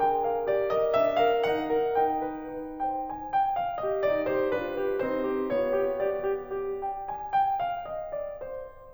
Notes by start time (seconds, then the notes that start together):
0.00 A4 G5
0.23 A#4
0.44 G4 D5
0.70 A#4 D#5
0.95 D4 E5
1.18 A#4 F5
1.46 D#4 F#5
1.65 A#4
2.01 D#4 G5
2.23 B4
2.50 D#4
2.76 C5 G5
3.03 G#5
3.26 G5
3.54 F5
3.80 G4 D#5
4.04 D#4 D5
4.25 G4 C5
4.56 D4 F4 B4
4.78 G4
5.07 C4 D#4 C5
5.26 G4
5.55 B3 F4 C#5
5.75 G4
6.04 G4 D5
6.26 G4
6.51 G4
6.85 G5
7.11 G#5
7.35 G5
7.63 F5
7.86 D#5
8.13 D5
8.36 C5